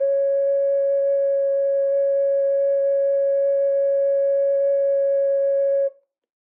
<region> pitch_keycenter=73 lokey=73 hikey=73 volume=-1.084597 trigger=attack ampeg_attack=0.004000 ampeg_release=0.100000 sample=Aerophones/Edge-blown Aerophones/Ocarina, Typical/Sustains/Sus/StdOcarina_Sus_C#4.wav